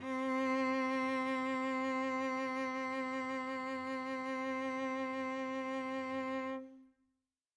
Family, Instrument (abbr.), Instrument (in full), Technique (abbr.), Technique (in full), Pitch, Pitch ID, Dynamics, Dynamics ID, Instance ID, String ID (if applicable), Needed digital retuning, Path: Strings, Vc, Cello, ord, ordinario, C4, 60, mf, 2, 1, 2, FALSE, Strings/Violoncello/ordinario/Vc-ord-C4-mf-2c-N.wav